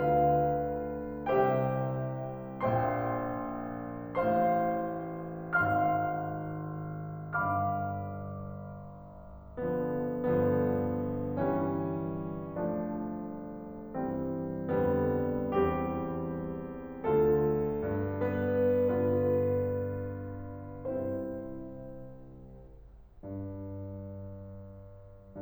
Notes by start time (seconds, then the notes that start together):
0.03 D2 D3 F4 B4 G5
1.41 C2 C3 G4 C5 E5 G5
2.65 A#1 A#2 C5 E5 G5 C6
4.19 A1 A2 C5 F5 C6
5.57 G#1 G#2 F5 C6 F6
7.33 G1 G2 F5 B5 D6 F6
9.56 D3 F3 B3
10.09 G1 G2 D3 F3 B3
11.38 E3 G3 C#4
12.73 F3 A3 D4
14.07 G2 E3 G3 C4
14.77 F2 D3 G3 B3
15.57 E2 E3 G3 C4 G4
17.06 D2 D3 A3 E4 A4
17.71 G2
18.20 B3 B4
18.83 G2 D3 B3 F4 B4
20.88 C2 C3 C4 E4 C5
22.34 G2